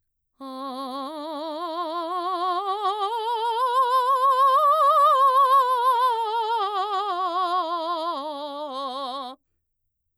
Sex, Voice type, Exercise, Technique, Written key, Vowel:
female, mezzo-soprano, scales, vibrato, , a